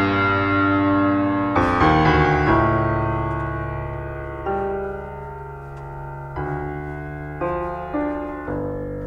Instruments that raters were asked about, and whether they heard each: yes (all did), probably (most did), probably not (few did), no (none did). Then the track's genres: piano: yes
Classical